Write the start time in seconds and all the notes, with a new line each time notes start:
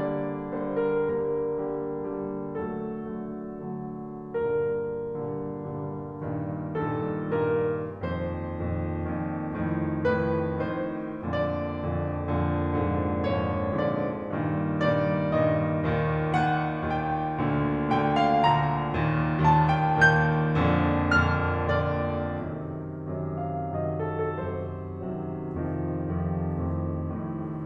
0.00 D3 G3 A#3 D5
0.52 D3 G3 A#3 C5
0.81 A#4
1.03 D3 G3 A#3 A#4
1.51 D3 G3 A#3
2.12 D3 G3 A#3
2.67 D3 F#3 A3 A4
3.19 D3 F#3 A3
3.69 D3 F#3 A3
4.40 G2 A#2 D3 G3 A#4
5.21 G2 A#2 D3 G3
5.69 G2 A#2 D3 G3
6.19 G2 A#2 D#3
6.83 G2 A#2 D#3 A4
7.37 G2 A#2 D#3 A#4
7.89 F2 A#2 D#3 C5
8.54 F2 A#2 D#3
9.06 F2 A#2 D#3
9.59 F2 A2 D#3
10.09 F2 A2 D#3 B4
10.66 F2 A2 D#3 C5
11.28 F2 A#2 D3 D5
11.88 F2 A#2 D3
12.34 F2 A#2 D3
12.79 F2 G#2 A#2 D3
13.24 F2 G#2 A#2 D3 C#5
13.85 F2 G#2 A#2 D3 D5
14.34 G2 A#2 D#3
14.84 G2 A#2 D#3 D5
15.33 G2 A#2 D#3 D#5
15.85 D#2 A#2 D#3
16.32 D#2 A#2 D#3 F#5
16.85 D#2 A#2 D#3 G5
17.38 D2 A#2 D3
17.96 D2 A#2 D3 G5
18.17 F5
18.48 D2 A#2 D3 A#5
18.94 D#2 A#2 D#3
19.39 D#2 A#2 D#3 A5
19.64 G5
20.02 D#2 A#2 D#3 G6
20.57 F2 A#2 D3
21.08 F2 A#2 D3 F6
21.68 F2 A#2 D3 D5
22.45 F#2 C3 D#3
23.06 F#2 C3 D#3
23.37 F5
23.59 F#2 C3 D#3 F#3 D#5
23.93 A4
24.16 F#2 C3 D#3 F#3 A4
24.44 C5
24.69 F#2 C3 D#3 F#3
25.58 F2 C3 D#3 F3
26.03 F2 C3 D#3 F3
26.58 F2 A2 C3 D#3
27.17 F2 A2 C3 D#3